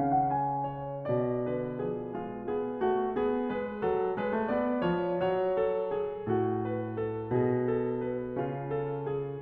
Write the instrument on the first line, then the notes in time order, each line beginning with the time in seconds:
piano
0.00 C#3 C#4 F5
0.12 F#5
0.29 G#5
0.91 C#5
1.10 B2 D5
1.51 D3 B4
1.83 F3 G#4
2.09 G#3 F4
2.50 B3 G#4
2.87 A3 F#4
3.16 B3 G#4
3.49 G#3 B4
3.84 F#3 A4
4.20 G#3 B4
4.35 A3
4.50 B3 D5
4.86 E3 C#5
5.15 F#3
5.22 C#5
5.60 A4
5.93 G#4
6.32 A2 F#4
6.70 B4
6.95 A4
7.31 B2 G#4
7.73 A4
8.03 B4
8.39 C#3 F4
8.77 A4
9.08 G#4